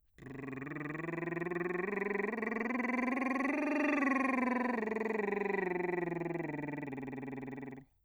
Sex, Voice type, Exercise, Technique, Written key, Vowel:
male, bass, scales, lip trill, , e